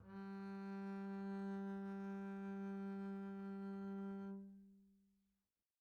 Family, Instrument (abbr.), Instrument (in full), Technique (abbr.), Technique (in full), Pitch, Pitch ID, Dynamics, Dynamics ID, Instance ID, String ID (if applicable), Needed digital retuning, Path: Strings, Cb, Contrabass, ord, ordinario, G3, 55, pp, 0, 0, 1, TRUE, Strings/Contrabass/ordinario/Cb-ord-G3-pp-1c-T11d.wav